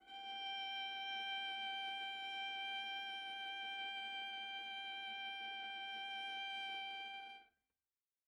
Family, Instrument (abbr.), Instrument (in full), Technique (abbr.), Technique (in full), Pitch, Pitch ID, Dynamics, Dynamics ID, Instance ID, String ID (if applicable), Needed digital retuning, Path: Strings, Va, Viola, ord, ordinario, G5, 79, mf, 2, 2, 3, FALSE, Strings/Viola/ordinario/Va-ord-G5-mf-3c-N.wav